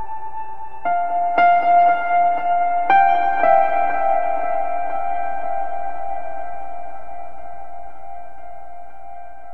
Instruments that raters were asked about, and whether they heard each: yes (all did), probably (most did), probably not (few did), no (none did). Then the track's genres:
piano: yes
Ambient Electronic; Ambient